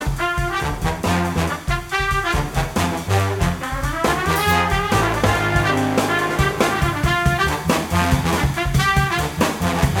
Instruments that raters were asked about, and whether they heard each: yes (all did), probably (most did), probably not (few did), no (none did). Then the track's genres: trombone: yes
trumpet: yes
Blues; Jazz; Big Band/Swing